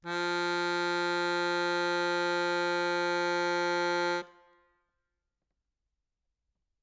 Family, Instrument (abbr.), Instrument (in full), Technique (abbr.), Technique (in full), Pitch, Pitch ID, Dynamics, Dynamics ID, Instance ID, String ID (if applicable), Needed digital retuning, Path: Keyboards, Acc, Accordion, ord, ordinario, F3, 53, ff, 4, 2, , FALSE, Keyboards/Accordion/ordinario/Acc-ord-F3-ff-alt2-N.wav